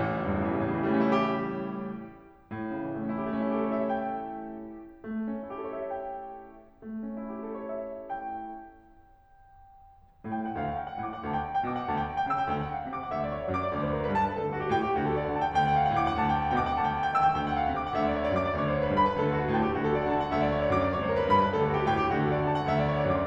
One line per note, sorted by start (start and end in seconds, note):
0.00 0.19 A1
0.10 0.30 C#2
0.19 0.42 E2
0.30 0.52 G2
0.30 0.52 A2
0.42 0.63 C#3
0.53 0.78 E3
0.64 0.91 A2
0.64 1.01 G3
0.79 1.01 C#3
0.92 1.13 E3
1.01 1.21 G3
1.01 1.21 A3
1.13 1.29 C#4
1.21 1.40 E4
1.29 1.72 G4
2.55 2.89 A2
2.76 2.98 C#3
2.89 3.08 E3
2.98 3.18 G3
2.98 3.18 A3
3.08 3.27 C#4
3.18 3.42 E4
3.27 3.52 A3
3.27 3.60 G4
3.44 3.60 C#4
3.52 3.67 E4
3.61 3.76 G4
3.61 3.76 A4
3.68 3.87 C#5
3.77 3.97 E5
3.87 4.24 G5
5.03 5.40 A3
5.26 5.54 C#4
5.40 5.70 E4
5.54 5.82 G4
5.54 5.82 A4
5.71 5.91 C#5
5.82 6.04 E5
5.91 6.48 G5
6.86 7.21 A3
7.07 7.38 C#4
7.21 7.64 E4
7.38 7.79 G4
7.38 7.79 A4
7.65 7.91 C#5
7.80 8.07 E5
7.91 10.09 G5
10.34 10.57 A2
10.34 10.57 A3
10.34 10.57 G5
10.47 10.63 F#5
10.57 11.03 D2
10.57 11.03 D3
10.57 10.79 F5
10.63 10.88 F#5
10.79 11.03 G5
10.89 11.16 F#5
11.04 11.27 A2
11.04 11.27 A3
11.04 11.27 D6
11.16 11.34 F#5
11.27 11.64 D2
11.27 11.64 D3
11.27 11.44 A5
11.34 11.53 G5
11.44 11.64 F#5
11.56 11.74 G5
11.66 11.90 B2
11.66 11.90 B3
11.66 11.90 D6
11.74 11.98 G5
11.90 12.26 D2
11.90 12.26 D3
11.90 12.09 A5
11.98 12.16 G5
12.09 12.26 F#5
12.17 12.39 G5
12.26 12.47 C#3
12.26 12.47 C#4
12.26 12.47 E6
12.47 12.83 D2
12.47 12.83 D3
12.47 12.55 G5
12.55 12.72 F#5
12.65 12.83 F5
12.74 12.91 F#5
12.83 13.08 D3
12.83 13.08 D4
12.83 13.08 D6
12.91 13.17 F#5
13.08 13.48 D2
13.08 13.48 D3
13.08 13.29 E5
13.17 13.39 D5
13.31 13.48 C#5
13.40 13.58 D5
13.48 13.68 F#2
13.48 13.68 F#3
13.48 13.68 D6
13.58 13.79 D5
13.68 14.07 D2
13.68 14.07 D3
13.68 13.89 C#5
13.79 13.98 B4
13.90 14.07 A#4
13.98 14.18 B4
14.07 14.28 G2
14.07 14.28 G3
14.07 14.28 B5
14.18 14.37 B4
14.28 14.74 D2
14.28 14.74 D3
14.28 14.47 A4
14.38 14.58 G4
14.48 14.74 F#4
14.58 14.85 G4
14.74 14.97 A2
14.74 14.97 A3
14.74 14.97 G5
14.85 15.05 G4
14.97 15.35 D2
14.97 15.35 D3
14.97 15.12 F#4
15.06 15.24 A4
15.13 15.35 D5
15.24 15.42 F#5
15.35 15.57 D3
15.35 15.57 D4
15.35 15.57 A5
15.60 15.98 D2
15.60 15.98 D3
15.60 15.69 G5
15.70 15.88 F#5
15.78 15.98 F5
15.88 16.06 F#5
15.98 16.17 A2
15.98 16.17 A3
15.98 16.17 D6
16.06 16.27 F#5
16.18 16.56 D2
16.18 16.56 D3
16.18 16.37 A5
16.29 16.47 G5
16.37 16.56 F#5
16.47 16.64 G5
16.56 16.73 B2
16.56 16.73 B3
16.56 16.73 D6
16.64 16.82 G5
16.74 17.18 D2
16.74 17.18 D3
16.74 16.96 A5
16.82 17.07 G5
16.96 17.18 F#5
17.07 17.29 G5
17.18 17.38 C#3
17.18 17.38 C#4
17.18 17.38 E6
17.39 17.77 D2
17.39 17.77 D3
17.39 17.48 G5
17.48 17.69 F#5
17.60 17.77 F5
17.69 17.86 F#5
17.77 17.95 D3
17.77 17.95 D4
17.77 17.95 D6
17.87 18.04 F#5
17.96 18.31 D2
17.96 18.31 D3
17.96 18.12 E5
18.04 18.23 D5
18.12 18.31 C#5
18.23 18.40 D5
18.31 18.56 F#2
18.31 18.56 F#3
18.31 18.56 D6
18.41 18.65 D5
18.56 18.95 D2
18.56 18.95 D3
18.56 18.78 C#5
18.65 18.87 B4
18.78 18.95 A#4
18.87 19.13 B4
18.96 19.24 G2
18.96 19.24 G3
18.96 19.24 B5
19.14 19.32 B4
19.24 19.57 D2
19.24 19.57 D3
19.24 19.39 A4
19.32 19.48 G4
19.39 19.57 F#4
19.48 19.64 G4
19.59 19.74 A2
19.59 19.74 A3
19.59 19.74 G5
19.66 19.83 G4
19.74 20.10 D2
19.74 20.10 D3
19.74 19.92 F#4
19.83 20.02 A4
19.92 20.10 D5
20.03 20.19 F#5
20.11 20.26 D3
20.11 20.26 D4
20.11 20.26 A5
20.19 20.35 G5
20.26 20.65 D2
20.26 20.65 D3
20.26 20.48 E5
20.35 20.57 D5
20.48 20.65 C#5
20.58 20.79 D5
20.67 20.94 F#2
20.67 20.94 F#3
20.67 20.94 D6
20.79 21.03 D5
20.94 21.33 D2
20.94 21.33 D3
20.94 21.12 C#5
21.03 21.22 B4
21.12 21.33 A#4
21.23 21.46 B4
21.33 21.59 G2
21.33 21.59 G3
21.33 21.59 B5
21.46 21.68 B4
21.59 21.92 D2
21.59 21.92 D3
21.59 21.73 A4
21.68 21.82 G4
21.75 21.92 F#4
21.84 22.00 G4
21.92 22.09 A2
21.92 22.09 A3
21.92 22.09 G5
22.00 22.19 G4
22.09 22.50 D2
22.09 22.50 D3
22.09 22.30 F#4
22.19 22.40 A4
22.33 22.50 D5
22.41 22.60 F#5
22.50 22.69 D3
22.50 22.69 D4
22.50 22.69 A5
22.60 22.79 G5
22.69 23.10 D2
22.69 23.10 D3
22.69 22.89 E5
22.79 23.02 D5
22.91 23.10 C#5
23.02 23.19 D5
23.10 23.27 F#2
23.10 23.27 F#3
23.10 23.27 D6
23.19 23.27 D5